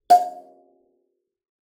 <region> pitch_keycenter=77 lokey=77 hikey=78 tune=-34 volume=-0.477684 offset=4655 seq_position=1 seq_length=2 ampeg_attack=0.004000 ampeg_release=15.000000 sample=Idiophones/Plucked Idiophones/Kalimba, Tanzania/MBira3_pluck_Main_F4_k21_50_100_rr2.wav